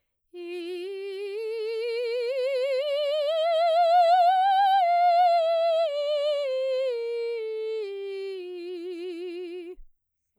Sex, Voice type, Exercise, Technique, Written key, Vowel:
female, soprano, scales, slow/legato piano, F major, i